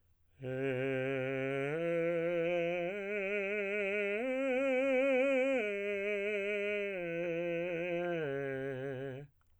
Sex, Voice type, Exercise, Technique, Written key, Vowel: male, tenor, arpeggios, slow/legato piano, C major, e